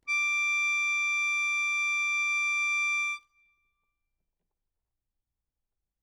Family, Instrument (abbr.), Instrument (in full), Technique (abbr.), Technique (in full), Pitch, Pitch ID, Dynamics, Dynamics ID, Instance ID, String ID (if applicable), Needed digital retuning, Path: Keyboards, Acc, Accordion, ord, ordinario, D6, 86, ff, 4, 2, , FALSE, Keyboards/Accordion/ordinario/Acc-ord-D6-ff-alt2-N.wav